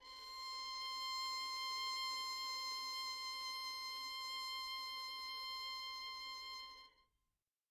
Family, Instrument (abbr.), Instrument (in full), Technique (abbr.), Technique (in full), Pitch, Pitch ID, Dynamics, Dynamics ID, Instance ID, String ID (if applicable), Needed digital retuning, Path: Strings, Vn, Violin, ord, ordinario, C6, 84, mf, 2, 0, 1, TRUE, Strings/Violin/ordinario/Vn-ord-C6-mf-1c-T12d.wav